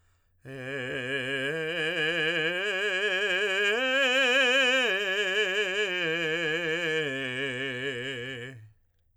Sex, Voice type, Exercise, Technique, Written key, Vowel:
male, tenor, arpeggios, vibrato, , e